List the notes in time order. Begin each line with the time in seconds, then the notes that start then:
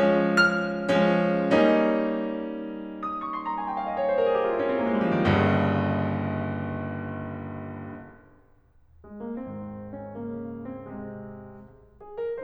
0.00 F3 G#3 C#4
0.41 F6
0.94 F3 G#3 C#4
1.52 G3 A#3 C#4 D#4
3.08 D#6
3.23 C#6
3.34 C6
3.46 A#5
3.56 G#5
3.66 G5
3.75 F5
3.87 D#5
4.04 C#5
4.16 C5
4.21 A#4
4.27 G#4
4.35 G4
4.44 F4
4.52 D#4
4.57 C#4
4.63 C4
4.68 A#3
4.74 G#3
4.82 F3 G3
4.89 D#3
4.93 G1 D#2 G2 C#3
9.06 G#3
9.24 A#3
9.46 G#2 D#3 C4
10.02 C#4
10.22 C#3 A#3
10.74 C4
10.93 C3 G#3
12.00 G#4
12.19 A#4